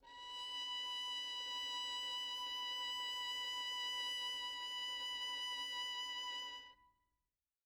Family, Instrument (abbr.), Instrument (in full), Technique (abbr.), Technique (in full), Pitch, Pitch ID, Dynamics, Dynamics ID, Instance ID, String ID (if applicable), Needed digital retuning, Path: Strings, Vn, Violin, ord, ordinario, B5, 83, mf, 2, 1, 2, FALSE, Strings/Violin/ordinario/Vn-ord-B5-mf-2c-N.wav